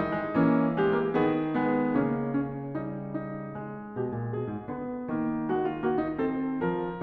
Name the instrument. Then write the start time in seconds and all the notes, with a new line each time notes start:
piano
0.00 D#3 G3 D#4
0.17 G#3
0.35 E3 A#3 C#4
0.77 G#3 G4
0.96 A#3
1.17 D#3 B3 G#4
1.54 G#3 B3
1.99 C#3 A#3 C#4
2.40 C#4
2.76 G3 D#4
3.16 D#4
3.56 G#3
3.96 B2 G4
4.13 A#2
4.32 B2 G#4
4.47 G#2
4.67 D3 B3
5.10 D#3 A#3
5.46 G#3 F#4
5.61 F4
5.78 A#3 F#4
5.98 D#4
6.20 C4 A4
6.63 F3 A#4